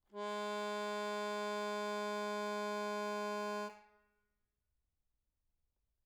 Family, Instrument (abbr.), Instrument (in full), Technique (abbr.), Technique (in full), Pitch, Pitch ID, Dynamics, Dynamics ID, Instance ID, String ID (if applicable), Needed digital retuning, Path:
Keyboards, Acc, Accordion, ord, ordinario, G#3, 56, mf, 2, 1, , FALSE, Keyboards/Accordion/ordinario/Acc-ord-G#3-mf-alt1-N.wav